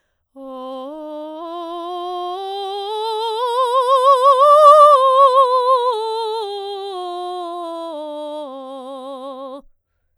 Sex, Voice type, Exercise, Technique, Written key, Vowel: female, soprano, scales, slow/legato forte, C major, o